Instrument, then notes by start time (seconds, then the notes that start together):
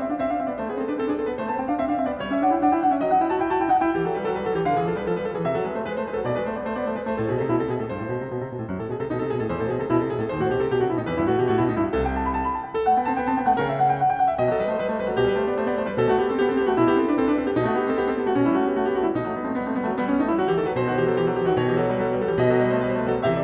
piano
0.00 C4 E5
0.06 D4 F5
0.17 C4 E5
0.24 D4
0.29 F5
0.36 C4 E5
0.45 B3 D5
0.56 A3 C5
0.68 B3 G#4
0.77 C4 A4
0.85 D4 B4
0.95 C4 A4
1.06 D4 G#4
1.20 C4 A4
1.29 B3 B4
1.38 A3 C5
1.49 B3 A5
1.60 C4 G5
1.67 D4 F5
1.76 C4 E5
1.85 D4 F5
1.96 C4 E5
2.11 B3
2.16 G3 D5
2.24 C#5
2.30 C#4
2.35 E5
2.41 D4 F#5
2.53 E4 G5
2.64 D4 F#5
2.74 E4 G5
2.82 D4 F#5
2.90 C#4 E5
3.01 F#3 D#5
3.08 D#4
3.12 F#5
3.20 E4 G5
3.31 F#4 A5
3.38 E4 G5
3.46 F#4
3.51 A5
3.58 E4 G5
3.67 D#4 F#5
3.80 E4 G5
3.91 E3 G4
4.03 F#3 A4
4.17 G3 B4
4.25 F#3 A4
4.31 G3 B4
4.41 F#3 A4
4.53 E3 G4
4.66 D3 F5
4.77 E3 G#4
4.89 F3 A4
4.96 G3 B4
5.05 F3 A4
5.12 G3
5.17 B4
5.26 F3 A4
5.33 E3
5.38 G#4
5.42 C3
5.47 E5
5.55 F#3 A4
5.65 G#3 B4
5.76 A3 C5
5.87 G#3 B4
5.96 A3
6.00 C5
6.05 G#3 B4
6.12 F#3 A4
6.23 B2 D5
6.36 G#3
6.41 B4
6.46 A3 C5
6.59 B3 D5
6.66 A3 C5
6.77 B3 D5
6.88 A3 C5
6.94 G#3 B4
6.99 A3 C5
7.12 A2 A4
7.23 B2 G#4
7.36 C3 A4
7.48 B2 E4
7.57 C3 A4
7.66 B2
7.71 G#4
7.78 A2 A4
7.87 G2
7.92 C5
7.96 A2
8.10 B2
8.24 C3
8.35 B2
8.43 C3
8.53 A2 B2
8.67 F#2
8.78 A2 A4
8.90 B2
8.95 G#4
9.00 C3 A4
9.09 B2 D#4
9.20 C3 A4
9.30 B2 G#4
9.40 A2 A4
9.49 E2 C5
9.61 A2 A4
9.67 B2 G#4
9.76 C3 A4
9.89 B2 E4
10.03 C3 A4
10.10 B2 G#4
10.19 A2 A4
10.29 D#2
10.33 C5
10.39 A2 F#4
10.51 B2 G4
10.57 C3 A4
10.65 B2
10.69 G4
10.76 C3
10.81 F#4
10.88 B2
10.95 E4
11.01 A2 D#4
11.05 E2 B4
11.16 G2 E4
11.24 A2 F#4
11.33 B2
11.39 G4
11.44 A2
11.48 F#4
11.56 B2 E4
11.64 A2
11.69 D#4
11.75 G2 E4
11.87 C2 A4
12.05 G5
12.17 A5
12.26 B5
12.34 A5
12.47 B5
12.57 A5
12.67 G5
12.77 A4
12.83 A3 F#5
12.97 B3 G5
13.08 C4 A5
13.20 B3
13.25 G5
13.33 C4 A5
13.41 B3 G5
13.48 A3 F#5
13.60 C#3 A#4
13.72 E5
13.80 F#5
13.91 G5
14.04 F#5
14.13 G5
14.23 F#5
14.33 E5
14.40 B2 D#5
14.47 F#3 A4
14.57 G3 B4
14.68 A3 C5
14.79 G3 B4
14.86 A3 C5
14.98 G3 B4
15.07 F#3 A4
15.13 B2 G4
15.24 G3 B4
15.36 A3 C5
15.46 B3 D5
15.56 A3 C5
15.65 B3 D5
15.75 A3 C5
15.86 G3
15.91 B4
15.98 B2
16.04 A3 F#4
16.15 B3
16.20 G4
16.29 C4
16.34 A4
16.40 B3 G4
16.47 C4 A4
16.58 B3 G4
16.68 A3 F#4
16.76 B2 E4
16.86 B3 G4
16.93 C4
16.97 A4
17.07 D4 B4
17.17 C4 A4
17.28 D4 B4
17.37 C4 A4
17.46 B3 G4
17.57 B2 D#4
17.66 A3 F#4
17.80 B3 G4
17.88 C4 A4
17.98 B3 G4
18.09 C4 A4
18.19 B3 G4
18.26 A3 F#4
18.33 B2 C#4
18.45 G3 E4
18.52 A3
18.56 F#4
18.63 B3 G4
18.72 A3 F#4
18.84 B3 G4
18.92 A3
18.97 F#4
19.04 G3 E4
19.17 B2 D#4
19.24 F#3
19.28 A3
19.34 G3 B3
19.40 A3
19.45 C4
19.52 G3 B3
19.63 A3
19.68 C4
19.74 G3 B3
19.85 F#3 A3
19.96 G3 B3
20.10 B3 C#4
20.14 A3 D#4
20.24 G3 E4
20.34 F#3 F#4
20.48 E3 G4
20.56 D#3 A4
20.67 F#3 B4
20.75 B2 C5
20.84 D#3 F#4
20.96 E3 G4
21.07 F#3
21.12 A4
21.18 E3 G4
21.28 F#3 A4
21.36 E3 G4
21.46 D#3
21.50 F#4
21.59 B2 C#5
21.66 E3
21.71 G4
21.78 F#3 A4
21.88 G3
21.93 B4
21.99 F#3 A4
22.07 G3 B4
22.15 F#3 A4
22.27 E3 G4
22.37 B2 D#5
22.48 F#3 A4
22.59 G3 B4
22.72 A3 C5
22.84 G3 B4
22.95 G3 A3 C5
23.00 B4
23.08 F#3 A4
23.22 C3 E3
23.27 G4 E5
23.35 D5